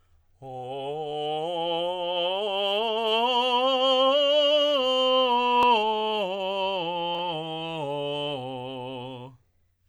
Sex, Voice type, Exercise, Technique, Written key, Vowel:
male, tenor, scales, slow/legato forte, C major, o